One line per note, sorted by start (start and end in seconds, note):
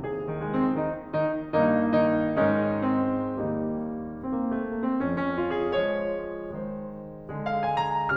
0.00 1.67 C2
0.00 1.67 D#2
0.00 1.67 C3
0.00 0.21 G#4
0.22 0.41 D#3
0.42 0.60 G#3
0.62 0.78 C4
0.79 1.14 D#3
0.79 1.14 D#4
1.16 1.67 D#3
1.16 1.67 D#4
1.68 2.39 G2
1.68 2.03 D#3
1.68 2.39 A#3
1.68 2.03 D#4
2.04 2.39 D#3
2.04 2.39 D#4
2.41 3.39 G#2
2.41 3.39 D#3
2.41 3.39 G#3
2.41 2.77 C#4
2.41 3.39 D#4
2.79 3.39 C4
3.41 4.25 D#2
3.41 4.25 D#3
3.41 4.25 G3
3.41 4.25 A#3
3.41 4.25 D#4
4.27 4.32 C4
4.33 4.45 A#3
4.46 4.62 A3
4.66 4.82 A#3
4.84 4.99 C4
5.00 5.76 F2
5.00 5.17 C#4
5.18 5.36 C#4
5.39 5.57 F4
5.58 5.76 G#4
5.77 6.59 F3
5.77 6.59 G#3
5.77 6.59 C#5
6.61 7.28 D#3
6.61 7.28 G#3
6.61 6.95 C5
7.30 8.15 D3
7.30 8.15 G#3
7.48 7.70 F5
7.71 7.92 G#5
7.93 8.15 A#5